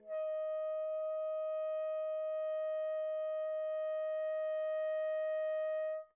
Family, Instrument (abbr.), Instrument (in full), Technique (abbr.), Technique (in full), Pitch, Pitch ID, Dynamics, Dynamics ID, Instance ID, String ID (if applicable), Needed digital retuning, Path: Winds, Bn, Bassoon, ord, ordinario, D#5, 75, pp, 0, 0, , FALSE, Winds/Bassoon/ordinario/Bn-ord-D#5-pp-N-N.wav